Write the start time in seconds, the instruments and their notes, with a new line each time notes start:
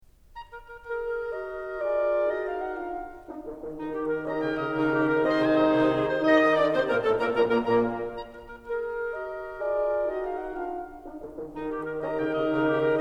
0.20 oboe A#5
0.42 oboe A#4
0.63 oboe A#4
0.82 clarinet G#4 A#4, oboe A#4
1.31 clarinet G4 D#5, oboe A#4
1.78 clarinet F4 D5, horn G#4, oboe A#4
2.27 clarinet D#4 D#5, horn F#4, oboe A#4
2.48 clarinet F5
2.72 clarinet F#5
2.88 clarinet D4 F5, horn F4, oboe A#4
3.30 horn D#4
3.44 horn D#3
3.68 horn D#3, clarinet D#4
3.88 clarinet G4
4.04 clarinet A#4
4.18 horn D#3 D#4, bassoon C#4, oboe A#4 A#5, clarinet D#5
4.38 bassoon C#3, oboe G5
4.55 bassoon C#3, oboe D#5
4.71 bassoon C#3, horn D#3 D#4, clarinet D#4 G4, oboe A#4
4.89 clarinet G4
5.07 clarinet A#4
5.25 bassoon C3 C4, horn D#3 D#4, clarinet G#4 D#5, oboe C5 C6
5.43 bassoon C2 C3, oboe G#5
5.58 bassoon C2 C3, oboe D#5
5.70 bassoon C2 C3, horn D#3 D#4, clarinet D#4 G#4, oboe C5
5.86 clarinet G#4
6.01 clarinet C5
6.18 horn D#3 D#4, oboe D#5 F5, clarinet D#5
6.38 bassoon D#3 D#4, oboe D#6
6.56 bassoon D3 D4, clarinet D5, oboe D5 D6
6.72 bassoon C3 C4, clarinet C5, oboe C5 C6
6.90 bassoon A#2 A#3, clarinet A#4, oboe A#4 A#5
7.01 bassoon A2 A3, clarinet A4, oboe A4 A5
7.19 bassoon A#2 A#3, horn A#2 A#3, clarinet A#4, oboe A#4 A#5
7.42 bassoon A#1 A#2, horn A#2 A#3, clarinet A#4 G#5, oboe A#4 A#5
7.64 bassoon A#1 A#2, horn A#2 A#3, clarinet A#4 G#5, oboe A#4 A#5
7.85 bassoon A#1 A#2, horn A#2 A#3, clarinet A#4 G#5, oboe A#4 A#5
8.47 oboe A#5
8.67 oboe A#4
8.76 oboe A#4
8.90 clarinet G#4 A#4, oboe A#4
9.12 clarinet G4 D#5, oboe A#4
9.62 clarinet F4 D5, horn G#4, oboe A#4
10.13 clarinet D#4 D#5, horn F#4, oboe A#4
10.33 clarinet F5
10.56 clarinet F#5
10.68 clarinet D4 F5, horn F4, oboe A#4
11.10 horn D#4
11.28 horn D#3
11.59 horn D#3, clarinet D#4
11.67 clarinet G4
11.84 clarinet A#4
11.98 horn D#3 D#4, bassoon C#4, oboe A#4 A#5, clarinet D#5
12.07 bassoon C#3, oboe G5
12.26 bassoon C#3, oboe D#5
12.46 bassoon C#3, horn D#3 D#4, clarinet D#4 G4, oboe A#4
12.64 clarinet G4
12.81 clarinet A#4